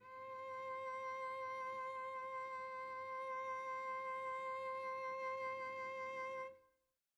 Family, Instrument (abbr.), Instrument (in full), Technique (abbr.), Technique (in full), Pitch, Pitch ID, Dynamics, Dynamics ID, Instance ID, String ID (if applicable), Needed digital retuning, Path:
Strings, Vc, Cello, ord, ordinario, C5, 72, pp, 0, 1, 2, TRUE, Strings/Violoncello/ordinario/Vc-ord-C5-pp-2c-T12u.wav